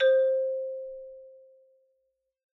<region> pitch_keycenter=60 lokey=58 hikey=63 volume=-0.313184 lovel=84 hivel=127 ampeg_attack=0.004000 ampeg_release=15.000000 sample=Idiophones/Struck Idiophones/Xylophone/Soft Mallets/Xylo_Soft_C4_ff_01_far.wav